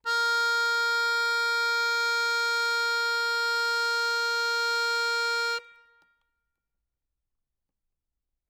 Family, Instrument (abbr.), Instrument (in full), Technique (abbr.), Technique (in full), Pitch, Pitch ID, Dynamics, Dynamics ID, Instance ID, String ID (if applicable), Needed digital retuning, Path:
Keyboards, Acc, Accordion, ord, ordinario, A#4, 70, ff, 4, 0, , FALSE, Keyboards/Accordion/ordinario/Acc-ord-A#4-ff-N-N.wav